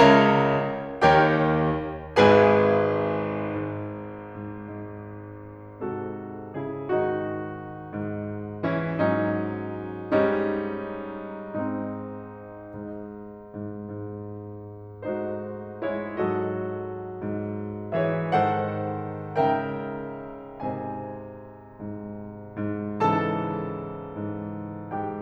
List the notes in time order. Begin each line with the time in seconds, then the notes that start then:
0.00 C#2 C#3 A#4 C#5 E5 A#5
1.01 D#2 D#3 G4 A#4 C#5 G5
2.19 G#1 G#2 G#4 B4 G#5
3.44 G#2
4.13 G#2
5.85 G#2 C3 F#4 A4
6.57 C#3 E4 G#4
6.87 G#2 D#3 D#4 F#4
7.73 G#2
8.61 E3 C#4 E4
9.00 G#2 F#3 C#4 D#4
10.14 G#2 G3 C#4 D#4
11.51 G#2 G#3 C4 D#4
12.60 G#2
13.34 G#2
13.57 G#2
15.02 G#2 A3 D#4 F#4 C5
15.98 G#3 E4 G#4 C#5
16.09 G#2 F#3 F#4 A4 D#5
17.11 G#2
17.95 E3 G#4 C#5 E5
18.39 G#2 D#3 A4 C5 F#5
19.48 G#2 C#3 A#4 E5 G5
20.65 G#2 C3 C5 D#5 G#5
21.84 G#2
22.59 G#2
23.02 G#2 C#3 E3 A4 A5
23.96 G#2
24.90 G#2 G4 G5